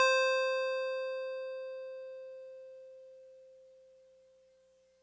<region> pitch_keycenter=84 lokey=83 hikey=86 volume=11.485041 lovel=66 hivel=99 ampeg_attack=0.004000 ampeg_release=0.100000 sample=Electrophones/TX81Z/FM Piano/FMPiano_C5_vl2.wav